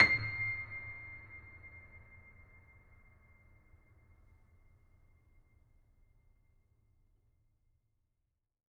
<region> pitch_keycenter=96 lokey=96 hikey=97 volume=-0.856393 lovel=66 hivel=99 locc64=65 hicc64=127 ampeg_attack=0.004000 ampeg_release=0.400000 sample=Chordophones/Zithers/Grand Piano, Steinway B/Sus/Piano_Sus_Close_C7_vl3_rr1.wav